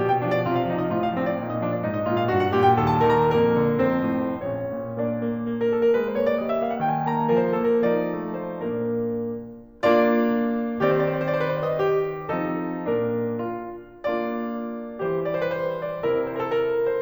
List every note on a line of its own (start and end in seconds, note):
0.00 0.44 B2
0.00 0.24 G4
0.15 0.35 G5
0.24 0.44 F3
0.24 0.44 D4
0.36 0.53 D5
0.45 0.87 C3
0.45 0.64 F4
0.55 0.77 F5
0.64 0.87 F3
0.64 0.87 D#4
0.78 0.99 D#5
0.88 1.34 A2
0.88 1.10 F4
0.99 1.22 F5
1.11 1.34 F3
1.11 1.34 C4
1.23 1.46 C5
1.35 1.85 A#2
1.35 1.61 D#4
1.46 1.71 D#5
1.63 1.85 F3
1.63 1.85 D4
1.72 1.97 D5
1.85 2.30 G#2
1.85 2.07 D#4
1.97 2.16 D#5
2.08 2.30 A#2
2.08 2.30 F4
2.17 2.39 F5
2.30 2.73 G2
2.30 2.51 F#4
2.40 2.61 F#5
2.52 2.73 A#2
2.52 2.73 G4
2.62 2.82 G5
2.73 3.23 D#2
2.73 2.95 A4
2.83 3.07 A5
2.96 3.23 D#3
2.96 3.23 A#4
3.07 3.39 A#5
3.26 3.76 F2
3.26 3.76 A#3
3.26 3.76 A#4
3.51 3.76 D3
3.77 4.41 F2
3.77 4.41 C4
3.77 4.41 C5
4.04 4.41 A2
4.42 4.66 A#1
4.42 4.93 C#4
4.42 4.93 C#5
4.66 5.93 A#2
4.95 5.17 A#3
4.95 5.69 D4
4.95 5.69 D5
5.17 5.45 A#3
5.46 5.69 A#3
5.57 5.79 A#4
5.69 5.93 A#3
5.69 5.93 A4
5.80 6.04 A#4
5.94 6.40 G#3
5.94 6.14 B4
6.04 6.25 C5
6.15 6.40 A#3
6.15 6.40 C#5
6.32 6.49 D5
6.41 6.82 G3
6.41 6.59 D#5
6.49 6.70 E5
6.61 6.82 A#3
6.61 6.82 F5
6.71 6.91 F#5
6.82 7.28 D#3
6.82 7.02 G5
6.92 7.13 G#5
7.04 7.28 D#4
7.04 7.28 A5
7.14 7.40 A#5
7.28 7.79 F3
7.28 7.55 A#4
7.41 7.66 C5
7.57 7.79 D4
7.57 7.79 A4
7.66 7.92 A#4
7.79 8.54 F3
7.79 8.54 D#4
7.79 8.32 D5
8.09 8.54 A3
8.32 8.54 C5
8.56 9.01 A#2
8.56 9.01 A#3
8.56 9.01 D4
8.56 9.01 A#4
9.46 10.82 A#3
9.46 10.82 D4
9.46 10.82 F4
9.46 10.82 D5
10.83 12.28 D#3
10.83 12.28 C4
10.83 11.80 G4
10.83 11.05 C5
10.92 11.16 D5
11.06 11.31 C5
11.18 11.41 D5
11.31 11.52 B4
11.42 11.61 C5
11.53 11.80 D5
11.62 11.90 D#5
11.80 12.28 G4
12.28 12.91 F3
12.28 12.91 C4
12.28 12.91 D#4
12.28 12.91 A4
12.92 14.02 A#2
12.92 14.02 A#3
12.92 14.02 D4
12.92 13.36 A#4
13.37 13.82 F4
14.04 14.99 A#3
14.04 14.99 D4
14.04 14.99 F4
14.04 14.99 D5
15.02 16.04 E3
15.02 16.04 G3
15.02 16.04 G4
15.24 15.38 D5
15.33 15.52 C5
15.45 15.58 B4
15.52 15.91 C5
15.92 16.04 D5
16.04 17.01 C3
16.04 17.01 C4
16.04 17.01 E4
16.27 16.42 C5
16.34 16.49 A#4
16.43 16.58 A4
16.51 16.90 A#4
16.90 17.01 C5